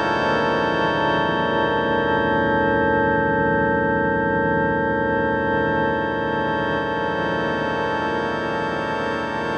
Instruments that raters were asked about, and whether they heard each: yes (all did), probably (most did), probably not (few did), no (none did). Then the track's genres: accordion: no
organ: probably
Electronic; Experimental; Electroacoustic